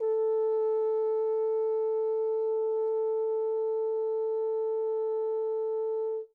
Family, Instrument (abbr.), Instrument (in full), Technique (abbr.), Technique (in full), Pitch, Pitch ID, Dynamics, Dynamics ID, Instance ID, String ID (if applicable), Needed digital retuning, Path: Brass, Hn, French Horn, ord, ordinario, A4, 69, mf, 2, 0, , FALSE, Brass/Horn/ordinario/Hn-ord-A4-mf-N-N.wav